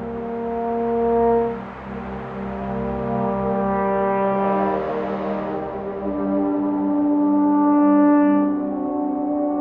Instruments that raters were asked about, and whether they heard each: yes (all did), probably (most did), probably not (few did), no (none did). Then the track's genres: trumpet: probably
trombone: probably
Electronic; Ambient